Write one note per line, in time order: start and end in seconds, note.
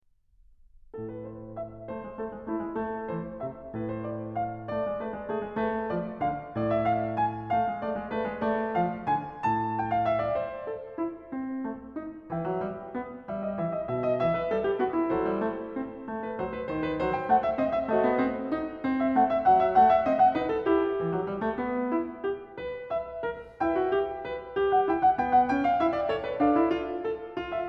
0.05 1.90 A2
0.05 1.02 A4
1.02 1.20 B4
1.20 1.53 C5
1.53 1.90 E5
1.90 2.05 A3
1.90 2.19 C5
2.05 2.19 G#3
2.19 2.32 A3
2.19 2.50 A4
2.32 2.50 G#3
2.50 2.59 A3
2.50 2.76 E4
2.59 2.76 G#3
2.76 3.09 A3
2.76 3.09 A4
3.09 3.40 E3
3.09 3.40 C5
3.40 3.74 C3
3.40 3.74 E5
3.74 4.71 A2
3.74 3.92 B4
3.92 4.07 C5
4.07 4.35 D5
4.35 4.71 F5
4.71 4.85 A3
4.71 5.00 D5
4.85 5.00 G#3
5.00 5.13 A3
5.00 5.26 B4
5.13 5.26 G#3
5.26 5.40 A3
5.26 5.53 G#4
5.40 5.53 G#3
5.53 5.90 A3
5.53 5.90 B4
5.90 6.20 F3
5.90 6.20 D5
6.20 6.51 D3
6.20 6.51 F5
6.51 7.51 A2
6.51 6.66 D5
6.66 6.84 E5
6.84 7.13 F5
7.13 7.51 G#5
7.51 7.67 A3
7.51 7.81 F5
7.67 7.81 G#3
7.81 8.00 A3
7.81 8.11 D5
8.00 8.11 G#3
8.11 8.24 A3
8.11 8.43 B4
8.24 8.43 G#3
8.43 8.72 A3
8.43 8.72 D5
8.72 9.07 F3
8.72 9.07 F5
9.07 9.43 D3
9.07 9.43 G#5
9.43 10.36 A2
9.43 9.80 A5
9.80 9.90 G5
9.90 10.07 F5
10.07 10.22 E5
10.22 10.36 D5
10.36 10.66 C5
10.66 10.98 A4
10.98 11.26 E4
11.26 11.64 C4
11.64 11.95 A3
11.95 12.31 D#4
12.31 12.46 E3
12.31 13.27 B4
12.31 13.27 E5
12.31 13.27 G5
12.46 12.67 F#3
12.67 12.93 G3
12.93 13.27 B3
13.27 13.58 G3
13.27 13.41 E5
13.41 13.58 D#5
13.58 13.85 E3
13.58 13.72 E5
13.72 13.85 D#5
13.85 14.19 B2
13.85 14.01 E5
14.01 14.19 D#5
14.19 14.52 E3
14.19 14.35 E5
14.35 14.52 B4
14.52 14.77 G3
14.52 14.67 A4
14.67 14.77 G4
14.77 15.12 B3
14.77 14.94 F#4
14.94 16.06 E4
15.12 15.24 F#3
15.12 16.06 A4
15.12 16.20 C5
15.24 15.41 G3
15.41 15.74 A3
15.74 16.06 C4
16.06 16.37 A3
16.20 16.37 B4
16.37 16.67 F#3
16.37 16.53 C5
16.53 16.67 B4
16.67 16.98 D#3
16.67 16.85 C5
16.85 16.98 B4
16.98 17.32 F#3
16.98 17.16 C5
17.16 17.32 G5
17.32 17.59 A3
17.32 17.46 F#5
17.46 17.59 E5
17.59 17.88 C4
17.59 17.75 D#5
17.75 17.88 E5
17.88 18.08 A3
17.88 18.83 F#4
17.88 18.83 A4
17.88 18.83 C5
17.88 18.97 D#5
18.08 18.25 B3
18.25 18.55 C4
18.55 18.83 D#4
18.83 19.13 C4
18.97 19.13 E5
19.13 19.46 A3
19.13 19.28 F#5
19.28 19.46 E5
19.46 19.78 F#3
19.46 19.60 F#5
19.60 19.78 E5
19.78 20.07 A3
19.78 19.95 F#5
19.95 20.07 E5
20.07 20.34 C4
20.07 20.18 D#5
20.18 20.34 F#5
20.34 20.65 D#4
20.34 20.49 B4
20.49 20.65 A4
20.65 21.00 E4
20.65 21.95 G4
21.00 21.13 E3
21.13 21.30 F#3
21.30 21.42 G3
21.42 21.62 A3
21.62 21.95 B3
21.95 22.26 E4
22.26 22.58 G4
22.58 22.89 B4
22.89 23.20 E5
23.20 23.58 A#4
23.58 23.75 E4
23.58 24.55 E5
23.58 24.74 G5
23.75 23.92 F#4
23.92 24.28 G4
24.28 24.55 B4
24.55 24.88 G4
24.74 24.88 F#5
24.88 25.19 E4
24.88 25.04 G5
25.04 25.19 F#5
25.19 25.51 B3
25.19 25.39 G5
25.39 25.51 F#5
25.51 25.82 C#4
25.51 25.63 G5
25.63 25.82 F5
25.82 26.09 E4
25.82 25.96 E5
25.96 26.09 D5
26.09 26.24 C#5
26.24 26.35 B4
26.35 26.53 D4
26.35 27.36 D5
26.35 27.54 F5
26.53 26.66 E4
26.66 26.99 F4
26.99 27.36 A4
27.36 27.69 F4
27.54 27.69 E5